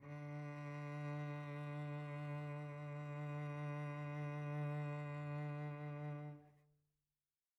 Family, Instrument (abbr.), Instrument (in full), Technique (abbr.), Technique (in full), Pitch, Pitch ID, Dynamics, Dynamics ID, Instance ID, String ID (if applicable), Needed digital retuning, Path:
Strings, Vc, Cello, ord, ordinario, D3, 50, pp, 0, 2, 3, FALSE, Strings/Violoncello/ordinario/Vc-ord-D3-pp-3c-N.wav